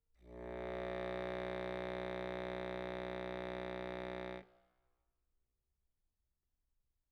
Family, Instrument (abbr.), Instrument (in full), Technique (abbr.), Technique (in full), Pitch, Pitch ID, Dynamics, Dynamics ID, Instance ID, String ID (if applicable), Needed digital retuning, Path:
Keyboards, Acc, Accordion, ord, ordinario, B1, 35, mf, 2, 0, , FALSE, Keyboards/Accordion/ordinario/Acc-ord-B1-mf-N-N.wav